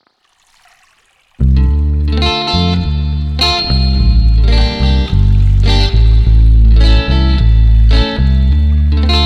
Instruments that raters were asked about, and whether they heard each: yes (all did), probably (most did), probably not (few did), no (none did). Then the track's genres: flute: probably not
Blues